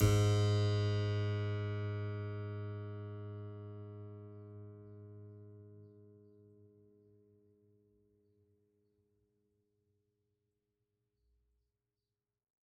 <region> pitch_keycenter=44 lokey=44 hikey=45 volume=1.090938 trigger=attack ampeg_attack=0.004000 ampeg_release=0.400000 amp_veltrack=0 sample=Chordophones/Zithers/Harpsichord, French/Sustains/Harpsi2_Normal_G#1_rr1_Main.wav